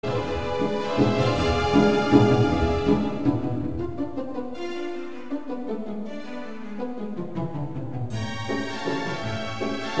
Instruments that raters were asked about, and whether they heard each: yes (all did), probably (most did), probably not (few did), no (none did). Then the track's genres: cello: yes
Classical